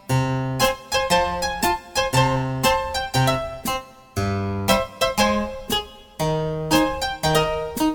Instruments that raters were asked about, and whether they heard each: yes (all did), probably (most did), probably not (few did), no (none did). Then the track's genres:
mandolin: probably
Soundtrack; Ambient Electronic; Unclassifiable